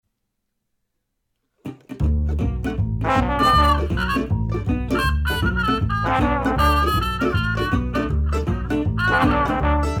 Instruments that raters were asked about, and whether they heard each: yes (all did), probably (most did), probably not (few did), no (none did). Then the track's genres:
banjo: probably
Old-Time / Historic; Bluegrass; Americana